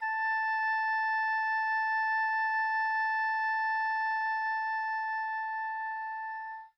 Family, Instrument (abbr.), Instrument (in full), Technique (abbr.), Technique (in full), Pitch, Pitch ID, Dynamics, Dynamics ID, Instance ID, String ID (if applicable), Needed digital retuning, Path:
Winds, Ob, Oboe, ord, ordinario, A5, 81, mf, 2, 0, , TRUE, Winds/Oboe/ordinario/Ob-ord-A5-mf-N-T11u.wav